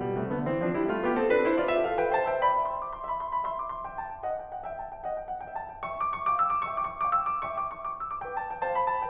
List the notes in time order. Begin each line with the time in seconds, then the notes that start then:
0.01 B2 G3
0.17 C3 A3
0.33 D3 B3
0.49 E3 C4
0.63 F3 D4
0.76 G3 E4
0.93 A3 F4
1.03 B3 G4
1.18 C4 A4
1.29 D4 B4
1.45 E4 C5
1.57 F4 D5
1.75 G4 E5
1.89 A4 F5
2.03 B4 G5
2.18 C5 A5
2.33 E5 G5
2.47 D5 B5
2.63 E5 C6
2.73 D6
2.89 C6
3.02 E5 B5
3.14 C6
3.29 B5
3.44 E5 C6
3.62 D6
3.76 C6
3.86 E5 G5
4.00 A5
4.10 G5
4.29 D#5 F#5
4.41 G5
4.52 F#5
4.64 E5 G5
4.80 A5
4.92 G5
5.02 D5 F#5
5.18 G5
5.35 F#5
5.47 E5 G5
5.60 A5
5.79 G5
5.89 E5 G5 C#6
6.00 D6
6.11 C#6
6.24 F5 G5 D6
6.37 E6
6.52 D6
6.68 E5 G5 C#6
6.79 D6
6.91 C#6
7.03 F5 G5 D6
7.12 E6
7.27 D6
7.44 E5 G5 C#6
7.54 D6
7.69 C#6
7.85 F5 G5 D6
7.99 E6
8.11 D6
8.25 B4 F5 G5
8.36 A5
8.49 G5
8.60 C5 F5 A5
8.72 B5
8.98 A5